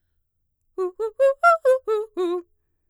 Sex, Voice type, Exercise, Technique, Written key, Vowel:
female, mezzo-soprano, arpeggios, fast/articulated forte, F major, u